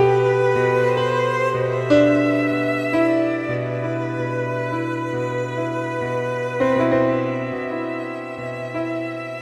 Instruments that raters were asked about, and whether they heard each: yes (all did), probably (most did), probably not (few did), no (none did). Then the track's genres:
violin: probably
Ambient